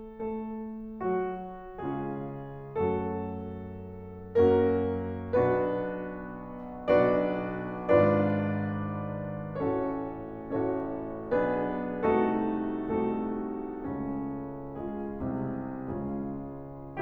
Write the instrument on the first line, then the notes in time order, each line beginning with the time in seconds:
piano
0.00 A3 A4
1.02 F#3 F#4
1.79 C#3 G#3 C#4 F4 G#4
2.83 F#2 F#3 A3 C#4 F#4 A4
4.41 F#2 F#3 A#3 C#4 F#4 A#4
5.28 B1 B2 B3 D4 F#4 B4
7.04 B1 B2 D4 F#4 B4 D5
7.91 G#1 G#2 D4 F4 B4 D5
9.58 A1 A2 C#4 F#4 A4 C#5
10.44 A1 A2 C#4 F#4 A4 C#5
11.35 B1 B2 B3 D4 G#4 B4
12.16 C2 C3 A3 D#4 F#4 A4
12.99 C2 C3 A3 D#4 F#4 A4
13.89 C#2 C#3 C#4
14.77 G#3 F4 G#4
15.36 C2 C3
15.85 C#2 C#3 G#3 C#4 F4 G#4